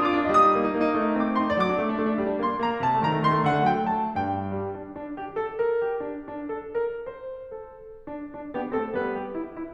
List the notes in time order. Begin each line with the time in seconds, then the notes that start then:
0.00 D4 F4 D#6
0.13 D4 D6
0.21 F4
0.31 G3 D#5
0.36 D#6
0.44 D#4
0.53 A#3
0.65 D#4
0.74 A#3
0.87 D#4
0.98 A3
1.07 D#4
1.16 C4 D6
1.25 D#4
1.35 C4 C6
1.45 D#4
1.54 F#3 D5
1.63 D6
1.67 D4
1.79 A3
1.87 D4
1.97 A3
2.05 D4
2.15 G3
2.28 D4
2.37 A#3 C6
2.46 D4
2.60 A#3 A#5
2.69 D4
2.80 C3 A5
2.89 A3
3.00 D#3 A#5
3.10 A3
3.25 D#3 C6
3.36 A3
3.45 D3 F#5
3.54 A3
3.67 F#3 G5
3.76 A3
3.89 F#3 A5
4.04 A3
4.13 G2 G5
4.37 G3
4.70 D4
4.95 D4
5.13 G4
5.33 A4
5.57 A#4
5.80 G4
6.06 D4
6.32 D4
6.55 A4
6.79 A#4
7.11 C5
7.48 A4
7.98 D4
8.31 D4
8.54 B3 D4 G4
8.78 A3 C4 A4
8.95 G3 B3 B4
9.16 G4
9.36 E4
9.53 E4